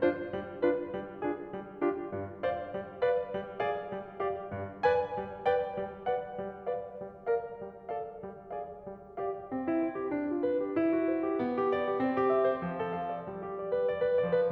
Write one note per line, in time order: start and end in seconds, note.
0.01 0.20 D4
0.01 0.20 F4
0.01 0.20 C5
0.21 0.54 G3
0.54 0.89 D4
0.54 0.89 F4
0.54 0.89 B4
0.89 1.20 G3
1.21 1.50 D4
1.21 1.50 F4
1.21 1.50 G#4
1.52 1.81 G3
1.81 2.08 D4
1.81 2.08 F4
1.81 2.08 G4
2.08 2.39 G2
2.40 2.72 C5
2.40 2.72 D5
2.40 2.72 F5
2.72 3.02 G3
3.02 3.31 B4
3.02 3.31 D5
3.02 3.31 F5
3.33 3.62 G3
3.63 3.92 G#4
3.63 3.92 D5
3.63 3.92 F5
3.92 4.21 G3
4.22 4.51 G4
4.22 4.51 D5
4.22 4.51 F5
4.52 4.84 G2
4.84 5.18 B4
4.84 5.18 D5
4.84 5.18 G#5
5.18 5.45 G3
5.45 5.78 B4
5.45 5.78 D5
5.45 5.78 G5
5.79 6.08 G3
6.08 6.38 B4
6.08 6.38 D5
6.08 6.38 F#5
6.38 6.68 G3
6.69 6.98 B4
6.69 6.98 D5
6.69 6.98 F5
6.98 7.25 G3
7.26 7.58 A#4
7.26 7.58 D5
7.26 7.58 F5
7.59 7.89 G3
7.90 8.19 A4
7.90 8.19 D5
7.90 8.19 F5
8.20 8.49 G3
8.49 8.85 G#4
8.49 8.85 D5
8.49 8.85 F5
8.86 9.22 G3
9.24 9.51 G4
9.24 9.51 D5
9.24 9.51 F5
9.53 10.11 C4
9.68 9.83 E4
9.83 9.97 C5
9.97 10.11 G4
10.13 10.77 D4
10.32 10.48 F4
10.48 10.64 B4
10.64 10.77 G4
10.78 11.41 E4
10.92 11.08 F#4
11.08 11.23 C5
11.23 11.41 G4
11.42 12.01 B3
11.58 11.73 G4
11.73 11.87 D5
11.87 12.01 G4
12.02 12.61 C4
12.18 12.34 G4
12.34 12.47 E5
12.47 12.61 C5
12.61 13.28 F3
12.79 12.93 A4
12.93 13.10 F5
13.10 13.28 D5
13.29 14.19 G3
13.44 13.57 G4
13.57 13.71 D5
13.71 13.86 B4
13.87 14.01 D5
14.02 14.19 B4
14.19 14.51 F3
14.19 14.36 D5
14.36 14.51 B4